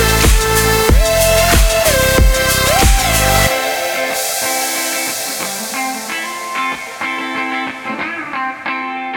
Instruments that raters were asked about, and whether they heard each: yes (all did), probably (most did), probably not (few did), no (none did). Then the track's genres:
guitar: probably
House; Dance; Surf